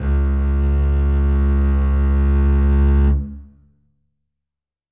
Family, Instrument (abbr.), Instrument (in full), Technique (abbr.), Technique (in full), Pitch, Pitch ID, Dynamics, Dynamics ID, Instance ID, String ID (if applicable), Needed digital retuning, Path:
Strings, Cb, Contrabass, ord, ordinario, C#2, 37, ff, 4, 3, 4, TRUE, Strings/Contrabass/ordinario/Cb-ord-C#2-ff-4c-T27u.wav